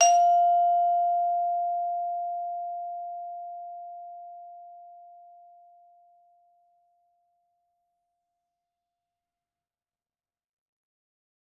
<region> pitch_keycenter=77 lokey=76 hikey=79 volume=6.181621 offset=98 lovel=84 hivel=127 ampeg_attack=0.004000 ampeg_release=15.000000 sample=Idiophones/Struck Idiophones/Vibraphone/Hard Mallets/Vibes_hard_F4_v3_rr1_Main.wav